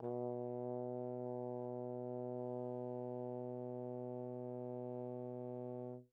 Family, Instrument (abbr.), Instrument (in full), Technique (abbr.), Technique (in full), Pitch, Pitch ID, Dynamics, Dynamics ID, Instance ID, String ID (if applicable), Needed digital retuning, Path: Brass, Tbn, Trombone, ord, ordinario, B2, 47, pp, 0, 0, , TRUE, Brass/Trombone/ordinario/Tbn-ord-B2-pp-N-T19d.wav